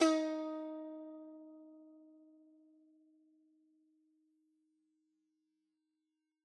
<region> pitch_keycenter=63 lokey=63 hikey=64 volume=7.931979 lovel=66 hivel=99 ampeg_attack=0.004000 ampeg_release=0.300000 sample=Chordophones/Zithers/Dan Tranh/Normal/D#3_f_1.wav